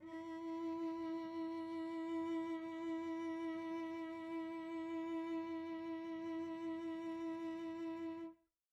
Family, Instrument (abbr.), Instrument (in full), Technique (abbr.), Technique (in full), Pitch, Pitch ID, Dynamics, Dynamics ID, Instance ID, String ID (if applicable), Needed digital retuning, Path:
Strings, Vc, Cello, ord, ordinario, E4, 64, pp, 0, 2, 3, FALSE, Strings/Violoncello/ordinario/Vc-ord-E4-pp-3c-N.wav